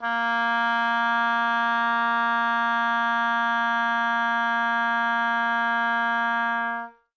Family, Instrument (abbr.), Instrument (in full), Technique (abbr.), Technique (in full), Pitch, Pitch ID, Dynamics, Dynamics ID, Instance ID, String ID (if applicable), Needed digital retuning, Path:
Winds, Ob, Oboe, ord, ordinario, A#3, 58, ff, 4, 0, , TRUE, Winds/Oboe/ordinario/Ob-ord-A#3-ff-N-T10d.wav